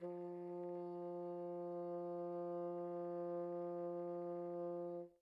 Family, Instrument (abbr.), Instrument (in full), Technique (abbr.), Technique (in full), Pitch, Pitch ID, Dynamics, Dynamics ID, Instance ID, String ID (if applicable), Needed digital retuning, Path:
Winds, Bn, Bassoon, ord, ordinario, F3, 53, pp, 0, 0, , TRUE, Winds/Bassoon/ordinario/Bn-ord-F3-pp-N-T15d.wav